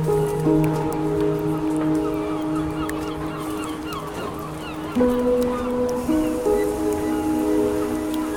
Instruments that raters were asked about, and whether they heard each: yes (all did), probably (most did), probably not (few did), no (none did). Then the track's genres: ukulele: probably not
Ambient Electronic; Dubstep